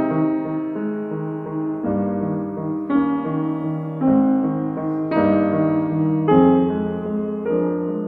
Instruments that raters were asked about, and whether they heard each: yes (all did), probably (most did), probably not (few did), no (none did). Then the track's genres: piano: yes
Classical